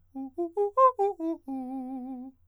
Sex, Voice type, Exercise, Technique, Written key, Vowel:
male, countertenor, arpeggios, fast/articulated forte, C major, u